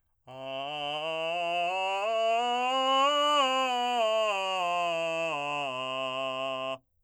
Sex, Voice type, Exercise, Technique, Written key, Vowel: male, , scales, straight tone, , a